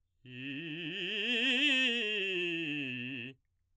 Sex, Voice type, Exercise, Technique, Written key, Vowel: male, baritone, scales, fast/articulated forte, C major, i